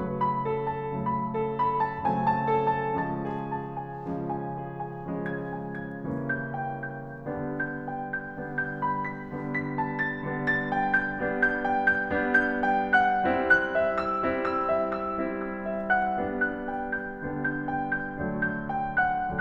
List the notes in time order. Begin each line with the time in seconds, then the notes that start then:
0.00 C#3 F#3 A3
0.22 B5
0.46 A4
0.68 A5
0.94 C#3 F#3 A3 B5
1.15 A4
1.38 B5
1.79 A5
2.03 C#3 F#3 A3 C4 G#5
2.30 A5
2.47 A4
2.68 A5
3.00 C#3 F3 G#3 C#4 A5
3.36 G#4
3.55 A5
3.74 G#5
4.02 C#3 F3 G#3 C#4
4.48 G#5
4.71 G#4
4.93 G#5
5.10 C#3 F3 G#3 C#4
5.32 G#6
5.57 G#5
5.82 G#6
6.04 C#3 E3 G3 A#3 C#4
6.40 G6
6.59 G5
7.02 G6
7.28 D3 G3 B3 D4
7.69 G6
7.89 G5
8.08 G6
8.27 D3 G3 B3 D4
8.49 G6
8.78 B5
8.97 B6
9.30 D3 G3 B3 D4
9.53 B6
9.75 A5
9.96 A6
10.22 D3 G3 B3 D4
10.48 A6
10.75 G5
10.97 G6
11.22 G3 B3 D4
11.44 G6
11.67 G5
11.90 G6
12.16 G3 B3 D4
12.45 G6
12.69 G5
12.96 F#5 F#6
13.36 G3 C#4 E4
13.58 F#6
13.82 E5
14.00 E6
14.25 G3 C#4 E4
14.47 E6
14.65 E5
15.06 E6
15.29 G3 C#4 E4
15.49 E6
15.69 E5
15.98 F#5 F#6
16.20 G3 B3 D4
16.45 F#6
16.72 G5
17.06 G6
17.28 D3 G3 B3 D4
17.43 G6
17.68 G5
17.89 G6
18.19 D3 F#3 A3 D4
18.43 G6
18.74 G5
19.05 F#5 F#6